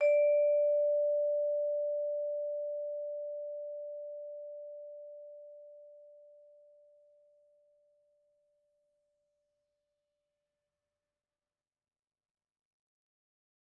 <region> pitch_keycenter=74 lokey=73 hikey=75 volume=11.749742 offset=115 lovel=0 hivel=83 ampeg_attack=0.004000 ampeg_release=15.000000 sample=Idiophones/Struck Idiophones/Vibraphone/Hard Mallets/Vibes_hard_D4_v2_rr1_Main.wav